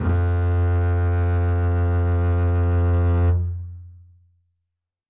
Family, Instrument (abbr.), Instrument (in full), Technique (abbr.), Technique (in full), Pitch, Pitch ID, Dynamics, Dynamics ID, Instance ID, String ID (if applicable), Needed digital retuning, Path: Strings, Cb, Contrabass, ord, ordinario, F2, 41, ff, 4, 3, 4, TRUE, Strings/Contrabass/ordinario/Cb-ord-F2-ff-4c-T12u.wav